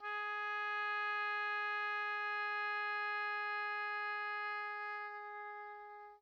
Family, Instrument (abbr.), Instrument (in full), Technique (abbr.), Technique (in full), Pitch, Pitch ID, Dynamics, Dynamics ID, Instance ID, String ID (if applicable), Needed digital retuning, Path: Winds, Ob, Oboe, ord, ordinario, G#4, 68, pp, 0, 0, , FALSE, Winds/Oboe/ordinario/Ob-ord-G#4-pp-N-N.wav